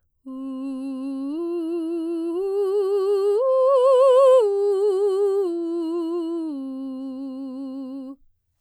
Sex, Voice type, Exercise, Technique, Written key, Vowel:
female, soprano, arpeggios, slow/legato piano, C major, u